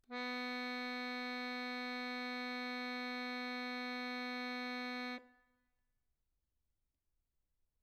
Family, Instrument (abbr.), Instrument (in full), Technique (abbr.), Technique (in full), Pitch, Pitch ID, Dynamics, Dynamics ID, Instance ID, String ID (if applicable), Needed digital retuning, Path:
Keyboards, Acc, Accordion, ord, ordinario, B3, 59, mf, 2, 1, , FALSE, Keyboards/Accordion/ordinario/Acc-ord-B3-mf-alt1-N.wav